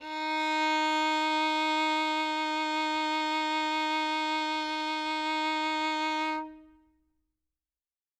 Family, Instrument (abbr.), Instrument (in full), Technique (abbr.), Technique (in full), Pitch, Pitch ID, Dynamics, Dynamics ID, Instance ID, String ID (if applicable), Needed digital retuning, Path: Strings, Vn, Violin, ord, ordinario, D#4, 63, ff, 4, 2, 3, FALSE, Strings/Violin/ordinario/Vn-ord-D#4-ff-3c-N.wav